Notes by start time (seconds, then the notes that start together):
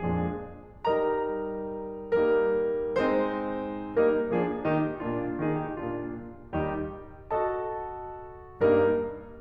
0.01 F2 A#2 F3 G#3 D4 G#4
0.77 G3 D#4 G4 A#4 D#5 A#5
2.16 G3 A#3 D#4 A#4
3.00 G#3 C4 D#4 C5
3.97 G3 A#3 D#4 A#4
4.30 F3 A#3 D4 G#4
4.66 D#3 A#3 D#4 G4
5.02 A#2 A#3 D4 F4
5.42 D#3 A#3 D#4 G#4
5.57 G4
5.75 A#2 A#3 D4 F4
6.57 D#2 D#3 G3 D#4 G4
7.33 F#4 A4 D#5 A5
8.63 G2 G3 A#3 D#4 A#4